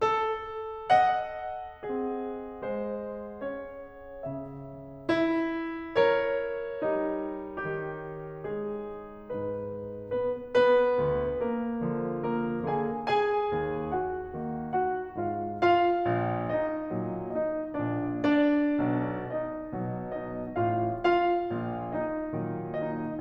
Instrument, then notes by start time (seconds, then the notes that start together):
piano
0.00 A4
0.96 D#5 F#5
1.88 C4 G#4
2.62 G#3 C5
3.41 C#4 G#4 C#5
4.28 C#3 E5
5.10 E4
5.97 A#4 C#5
6.85 G3 D#4
7.64 D#3 G4
8.45 G#3 G#4
9.29 G#2 B4
10.11 B3 B4
10.48 B3 B4
10.97 D2
11.41 A#3 A#4
11.90 D3 F3
12.25 A#3 A#4
12.67 D3 A#3 G#4 G#5
13.13 G#4 G#5
13.62 D#2
13.94 F#4 F#5
14.41 D#3 A#3
14.81 F#4 F#5
15.14 G#2 G#3 F4 F5
15.48 F4 F5
16.11 A#1
16.56 D#4 D#5
16.95 A#2 F#3
17.28 D#4 D#5
17.75 A#1 A#2 D4 D5
18.24 D4 D5
18.85 B1 B2
19.32 D#4 D#5
19.73 B2 F#3
20.11 D#4 D#5
20.60 A1 A2 F4 F5
21.01 F4 F5
21.51 A#1 A#2
21.94 D#4 D#5
22.30 A#2 D#3 F#3
22.80 D#4 D#5